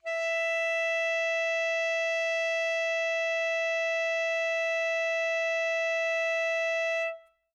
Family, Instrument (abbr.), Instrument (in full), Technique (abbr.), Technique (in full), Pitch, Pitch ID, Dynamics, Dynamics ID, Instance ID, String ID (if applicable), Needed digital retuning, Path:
Winds, ASax, Alto Saxophone, ord, ordinario, E5, 76, mf, 2, 0, , FALSE, Winds/Sax_Alto/ordinario/ASax-ord-E5-mf-N-N.wav